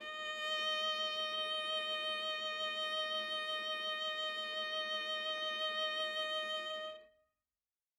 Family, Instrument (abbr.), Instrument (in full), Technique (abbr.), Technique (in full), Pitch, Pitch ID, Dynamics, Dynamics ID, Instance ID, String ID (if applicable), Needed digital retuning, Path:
Strings, Va, Viola, ord, ordinario, D#5, 75, ff, 4, 2, 3, FALSE, Strings/Viola/ordinario/Va-ord-D#5-ff-3c-N.wav